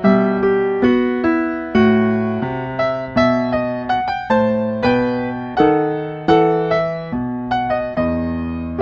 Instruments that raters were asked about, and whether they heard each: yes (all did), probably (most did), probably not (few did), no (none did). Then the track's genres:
drums: no
piano: yes
Classical